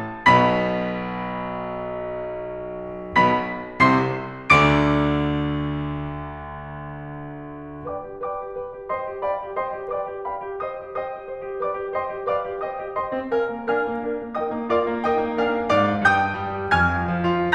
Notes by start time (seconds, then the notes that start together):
0.25 B1 B2 B5 B6
3.22 B1 B2 B5 B6
3.82 C2 C3 C6 C7
4.53 D2 D3 D6 D7
7.88 B4 D5 G5 D6
8.06 G4
8.22 B4 D5 G5 D6
8.40 G4
8.53 B4
8.76 G4
8.92 C5 D#5 G5 C6
9.11 G4
9.25 D5 F5 G5 B5
9.43 G4
9.60 C5 D#5 G5 C6
9.77 G4
9.91 B4 D5 G5 D6
10.11 G4
10.27 D5 F5 G5 B5
10.41 G4
10.67 C5 D#5 G5 D#6
10.88 G4
11.06 C5 D#5 G5 D#6
11.20 G4
11.33 C5
11.46 G4
11.62 B4 D5 F5 G5 D6
11.81 G4
11.98 C5 D#5 G5 C6
12.14 G4
12.28 B4 D5 F5 G5 D6
12.56 G4
12.70 C5 D#5 G5 D#6
12.85 G4
12.98 C5 D#5 G5 C6
13.15 C4
13.34 A#4 F5 G#5 F6
13.50 A#3
13.69 D4 A#4 F5 G#5 F6
13.78 A#3
13.94 D4 A#4
14.12 A#3
14.38 D#4 A#4 D#5 G5 D#6
14.59 A#3
14.74 F4 A#4 D5 F5 D6
14.91 A#3
15.10 D#4 A#4 D#5 G5 D#6
15.28 A#3
15.44 D4 A#4 F5 G#5 F6
15.59 A#3
15.79 G#2 D5 F5 A#5 D6
15.94 G#3
16.08 G2 G5 D#6 G6
16.32 G3
16.46 G3
16.60 G4
16.76 F2 G#5 F6 G#6
16.94 F3
17.10 F3
17.26 F4